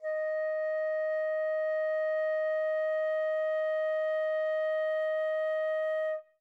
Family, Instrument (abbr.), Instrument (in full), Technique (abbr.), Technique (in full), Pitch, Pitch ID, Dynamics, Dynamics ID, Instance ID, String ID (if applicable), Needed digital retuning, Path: Winds, Fl, Flute, ord, ordinario, D#5, 75, mf, 2, 0, , FALSE, Winds/Flute/ordinario/Fl-ord-D#5-mf-N-N.wav